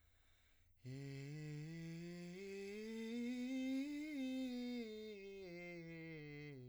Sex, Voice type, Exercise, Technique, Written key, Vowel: male, , scales, breathy, , i